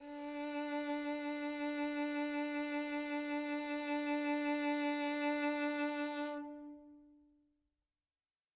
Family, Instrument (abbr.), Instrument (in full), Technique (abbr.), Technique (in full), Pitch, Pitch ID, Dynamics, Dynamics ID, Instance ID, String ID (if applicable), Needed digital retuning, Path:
Strings, Vn, Violin, ord, ordinario, D4, 62, mf, 2, 3, 4, FALSE, Strings/Violin/ordinario/Vn-ord-D4-mf-4c-N.wav